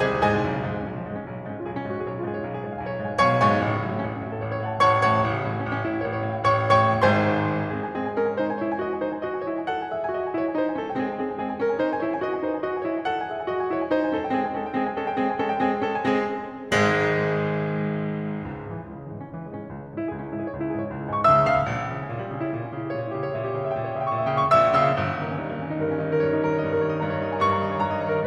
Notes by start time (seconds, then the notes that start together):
0.00 C2 C3 G#4 C5 D#5 G#5
0.21 G#2 G#4 C5 D#5 G#5
0.42 B1
0.51 C#3
0.59 G#2 F3
0.68 G#3
0.80 B1 C#4
0.91 F3
1.00 G#2 G#3
1.10 C#4
1.20 B1 F4
1.32 G#3
1.47 G#2 C#4
1.56 F4
1.64 B1 G#4
1.72 C#4
1.81 G#2 F4
1.92 G#4
2.02 B1 C#5
2.11 F4
2.22 G#2 G#4
2.31 C#5
2.40 B1 F5
2.50 G#4
2.59 G#2 C#5
2.69 F5
2.80 B1 G#5
2.90 C#5
3.01 G#2 F5
3.10 G#5
3.19 B1 B2 C#5 F5 G#5 C#6
3.37 G#2 C#5 F5 G#5 C#6
3.54 A1
3.62 C#3
3.72 G#2 F#3
3.82 A3
3.91 A1 C#4
4.01 C#4
4.10 G#2 F#4
4.19 A4
4.34 A1 C#5
4.44 C#5
4.50 G#2 F#5
4.60 A5
4.69 A1 C#5 F#5 C#6
4.90 G#2 C#5 F#5 C#6
5.10 A1
5.19 C#3
5.35 A2 E3
5.50 G3
5.62 A1 C#4
5.76 C#4
5.85 A2 E4
5.97 G4
6.05 A1 C#5
6.15 C#5
6.29 A2 E5
6.42 G5
6.54 A1 C#5 G5 C#6
6.85 A2 C#5 G5 C#6
7.05 G#1 G#2 C5 G#5 C6
7.52 G#3 C4 G#4
7.66 G#5
7.85 C4 G#4
8.03 G#5
8.17 C#4 A#4
8.31 G#5
8.42 D#4 C5
8.51 G#5
8.61 E4 C#5
8.71 G#5
8.78 F#4 D#5
8.88 G#5
8.97 E4 C5
9.10 G#5
9.22 F#4 D#5
9.31 G#5
9.45 E4 C#5
9.57 G#5
9.67 A4 F#5
9.82 G#5
9.93 G#4 E5
10.04 G#5
10.14 F#4 D#5
10.24 G#5
10.34 E4 C#5
10.44 G#5
10.52 D#4 C5
10.63 G#5
10.76 C#4 A4
10.86 G5
10.96 G#3 C4 G#4
11.06 G#5
11.19 C4 G#4
11.28 G#5
11.44 C4 G#4
11.53 G#5
11.61 C#4 A#4
11.71 G#5
11.80 D#4 C5
11.91 G#5
12.02 E4 C#5
12.11 G#5
12.20 F#4 D#5
12.31 G#5
12.39 E4 C5
12.50 G#5
12.60 F#4 D#5
12.69 G#5
12.83 E4 C#5
12.93 G#5
13.04 A4 F#5
13.20 G#5
13.29 G#4 E5
13.40 G#5
13.50 F#4 D#5
13.63 G#5
13.72 E4 C#5
13.82 G#5
13.92 D#4 C5
14.01 G#5
14.12 C#4 A4
14.21 G5
14.30 G#3 C4 G#4
14.37 G#3 C#4 A4 G#5
14.50 G5
14.59 G#3 C4 G#4
14.71 G#5
14.85 G#3 C#4 A4
14.99 G5
15.10 G#3 C4 G#4
15.22 G#5
15.31 G#3 C#4 A4
15.42 G5
15.50 G#3 C4 G#4
15.58 G#5
15.69 G#3 C#4 A4
15.77 G5
15.87 G#3 C4 G#4 G#5
16.27 G#1 G#2 G#3
18.96 C#2
19.08 G#2
19.14 G#2 C#3
19.21 E3
19.31 C#2 G#3
19.39 C#3
19.48 G#2 E3
19.57 G#3
19.66 C#2 C#4
19.76 E3
19.85 G#2 G#3
19.95 C#4
20.06 C#2 E4
20.14 G#3
20.19 G#2 C#4
20.27 E4
20.35 C#2 G#4
20.42 C#4
20.53 G#2 E4
20.62 G#4
20.71 C#2 C#5
20.76 E4
20.84 G#2 G#4
20.89 C#5
20.97 C#2 E5
21.04 E5
21.13 G#2 G#5
21.22 C#6
21.34 C#2 C#3 E5 E6
21.56 G#2 E5 E6
21.78 A#1
21.87 E3
21.97 C#3 G3
22.05 C#4
22.13 A#2 E4
22.22 G3
22.34 C#3 C#4
22.43 E4
22.55 A#2 G4
22.66 C#4
22.77 C#3 E4
22.86 G4
22.95 A#2 C#5
23.07 E4
23.16 C#3 G4
23.27 C#5
23.36 A#2 E5
23.46 G4
23.55 C#3 C#5
23.64 E5
23.72 A#2 G5
23.84 C#5
23.93 C#3 E5
24.01 G5
24.13 A#2 C#6
24.17 E5
24.28 C#3 G5
24.39 C#6
24.52 A#1 A#2 E5 E6
24.73 C#3 E5 E6
24.95 G1
25.08 D#3
25.21 D#3 A#3
25.30 C#4
25.40 G2 D#4
25.50 A#3
25.59 D#3 C#4
25.70 D#4
25.76 G2 A#4
25.87 C#4
25.97 D#3 D#4
26.06 A#4
26.16 G2 C#5
26.25 D#4
26.34 D#3 A#4
26.44 C#5
26.51 G2 D#5
26.60 A#4
26.69 D#3 C#5
26.82 D#5
26.91 G2 A#5
27.10 C#5
27.19 D#3 D#5
27.31 A#5
27.40 G2 C#6
27.52 A#5
27.61 D#3 D#5
27.71 C#5
27.81 G2 A#5
27.96 D#5
28.05 D#3 C#5
28.15 A#4